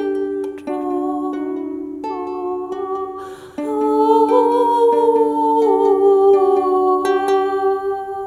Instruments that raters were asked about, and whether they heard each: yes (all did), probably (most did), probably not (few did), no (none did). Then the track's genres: mandolin: probably
ukulele: probably not
Experimental Pop